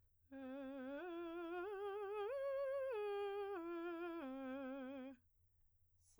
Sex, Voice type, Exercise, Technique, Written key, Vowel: female, soprano, arpeggios, slow/legato piano, C major, e